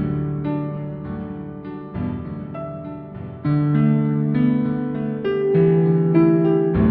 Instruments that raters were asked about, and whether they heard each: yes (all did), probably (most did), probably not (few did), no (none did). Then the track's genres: piano: yes
Glitch; IDM; Breakbeat